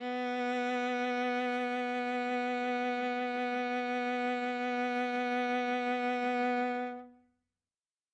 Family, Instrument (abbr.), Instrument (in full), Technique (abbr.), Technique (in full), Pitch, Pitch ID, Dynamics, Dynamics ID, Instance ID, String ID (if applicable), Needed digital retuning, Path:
Strings, Va, Viola, ord, ordinario, B3, 59, ff, 4, 2, 3, TRUE, Strings/Viola/ordinario/Va-ord-B3-ff-3c-T18u.wav